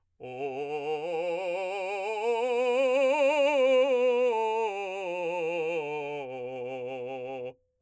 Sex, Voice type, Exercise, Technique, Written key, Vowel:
male, , scales, vibrato, , o